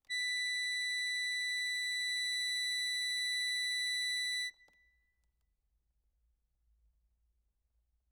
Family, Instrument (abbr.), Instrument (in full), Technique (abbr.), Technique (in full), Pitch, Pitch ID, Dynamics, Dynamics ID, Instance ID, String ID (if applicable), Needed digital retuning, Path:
Keyboards, Acc, Accordion, ord, ordinario, B6, 95, ff, 4, 1, , FALSE, Keyboards/Accordion/ordinario/Acc-ord-B6-ff-alt1-N.wav